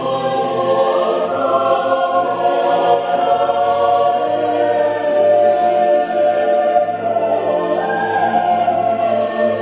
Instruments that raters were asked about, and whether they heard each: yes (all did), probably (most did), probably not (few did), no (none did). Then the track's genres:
synthesizer: no
voice: yes
bass: no
Choral Music